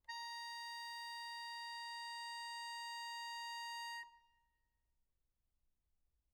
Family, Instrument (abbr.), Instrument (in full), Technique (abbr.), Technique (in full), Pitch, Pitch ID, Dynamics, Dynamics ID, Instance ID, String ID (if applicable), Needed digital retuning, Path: Keyboards, Acc, Accordion, ord, ordinario, A#5, 82, mf, 2, 1, , FALSE, Keyboards/Accordion/ordinario/Acc-ord-A#5-mf-alt1-N.wav